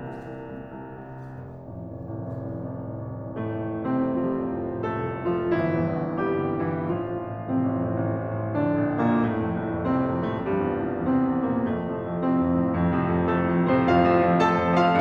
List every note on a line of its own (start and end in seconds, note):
0.01 0.30 C2
0.30 0.48 C2
0.48 0.67 C2
0.68 0.82 C2
0.82 0.99 C2
0.99 1.14 C2
1.16 1.32 C2
1.32 1.49 C2
1.49 1.69 F1
1.70 1.92 A1
1.70 1.92 C2
1.70 1.92 F2
1.93 2.11 F1
2.12 2.27 A1
2.12 2.27 C2
2.12 2.27 F2
2.27 2.43 F1
2.43 2.65 A1
2.43 2.65 C2
2.43 2.65 F2
2.65 2.83 F1
2.83 3.04 A1
2.83 3.04 C2
2.83 3.04 F2
3.05 3.31 F1
3.33 3.57 A1
3.33 3.57 C2
3.33 3.57 F2
3.33 3.94 A2
3.33 3.94 A3
3.57 3.84 F1
3.84 4.14 A1
3.84 4.14 C2
3.84 4.14 F2
3.94 4.14 C3
3.94 4.14 C4
4.14 4.38 F1
4.14 4.80 F3
4.14 4.80 F4
4.38 4.57 A1
4.38 4.57 C2
4.38 4.57 F2
4.57 4.80 F1
4.81 5.00 A1
4.81 5.00 C2
4.81 5.00 F2
4.81 5.28 A3
4.81 5.28 A4
5.01 5.16 F1
5.16 5.40 A1
5.16 5.40 C2
5.16 5.40 F2
5.28 5.40 F3
5.28 5.40 F4
5.40 5.60 G1
5.40 6.12 E3
5.40 6.12 E4
5.60 5.92 A#1
5.60 5.92 E2
5.60 5.92 G2
5.92 6.12 G1
6.14 6.38 A#1
6.14 6.38 E2
6.14 6.38 G2
6.14 6.72 G3
6.14 6.72 G4
6.39 6.57 G1
6.58 6.77 A#1
6.58 6.77 E2
6.58 6.77 G2
6.72 6.77 E3
6.72 6.77 E4
6.77 6.96 A1
6.77 7.38 F3
6.77 7.38 F4
6.96 7.17 C2
6.96 7.17 F2
6.96 7.17 A2
7.17 7.38 A1
7.38 7.56 C2
7.38 7.56 F2
7.38 7.56 A2
7.38 8.49 C3
7.38 8.49 C4
7.58 7.75 A1
7.76 7.95 C2
7.76 7.95 F2
7.76 7.95 A2
7.95 8.12 A1
8.12 8.32 C2
8.12 8.32 F2
8.12 8.32 A2
8.32 8.49 A1
8.49 8.70 F2
8.49 9.02 D3
8.49 9.02 D4
8.70 8.88 A#1
8.89 9.11 F2
9.03 9.11 A#2
9.03 9.11 A#3
9.12 9.47 C2
9.12 9.82 A2
9.12 9.82 A3
9.47 9.64 F2
9.64 9.82 C2
9.82 10.00 F2
9.82 10.27 C3
9.82 10.27 C4
10.00 10.18 C2
10.19 10.35 F2
10.28 10.35 A2
10.28 10.35 A3
10.36 10.52 C2
10.36 10.94 G2
10.36 10.94 G3
10.54 10.77 E2
10.77 10.94 C2
10.94 11.13 E2
10.94 11.42 C3
10.94 11.42 C4
11.13 11.33 C2
11.33 11.53 E2
11.42 11.53 A#2
11.42 11.53 A#3
11.55 11.77 F2
11.55 12.20 A3
11.78 11.98 A2
11.78 11.98 C3
11.78 11.98 F3
11.98 12.20 F2
12.20 12.37 A2
12.20 12.37 C3
12.20 12.37 F3
12.20 13.35 C4
12.37 12.57 F2
12.57 12.78 A2
12.57 12.78 C3
12.57 12.78 F3
12.78 12.96 F2
12.97 13.15 A2
12.97 13.15 C3
12.97 13.15 F3
13.17 13.35 F2
13.35 13.50 A2
13.35 13.50 C3
13.35 13.50 F3
13.35 13.79 A3
13.35 13.79 A4
13.50 13.67 F2
13.67 13.89 A2
13.67 13.89 C3
13.67 13.89 F3
13.79 13.89 C4
13.79 13.89 C5
13.89 14.04 F2
13.89 14.40 F4
13.89 14.40 F5
14.05 14.18 A2
14.05 14.18 C3
14.05 14.18 F3
14.19 14.40 F2
14.41 14.65 A2
14.41 14.65 C3
14.41 14.65 F3
14.41 14.91 A4
14.41 14.91 A5
14.65 14.82 F2
14.82 15.01 A2
14.82 15.01 C3
14.82 15.01 F3
14.91 15.01 F4
14.91 15.01 F5